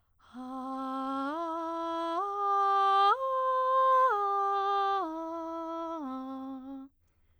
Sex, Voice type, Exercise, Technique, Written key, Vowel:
female, soprano, arpeggios, breathy, , a